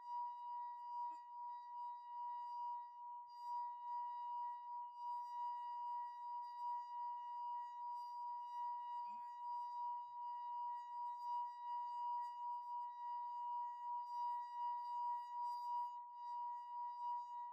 <region> pitch_keycenter=82 lokey=81 hikey=84 tune=-53 volume=27.662424 trigger=attack ampeg_attack=0.004000 ampeg_release=0.500000 sample=Idiophones/Friction Idiophones/Wine Glasses/Sustains/Slow/glass3_A#4_Slow_1_Main.wav